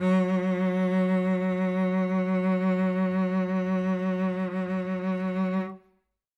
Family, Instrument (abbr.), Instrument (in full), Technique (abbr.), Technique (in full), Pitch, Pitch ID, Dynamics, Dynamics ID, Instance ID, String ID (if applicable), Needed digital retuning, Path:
Strings, Vc, Cello, ord, ordinario, F#3, 54, ff, 4, 3, 4, TRUE, Strings/Violoncello/ordinario/Vc-ord-F#3-ff-4c-T14u.wav